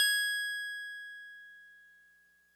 <region> pitch_keycenter=104 lokey=103 hikey=106 volume=11.748554 lovel=66 hivel=99 ampeg_attack=0.004000 ampeg_release=0.100000 sample=Electrophones/TX81Z/FM Piano/FMPiano_G#6_vl2.wav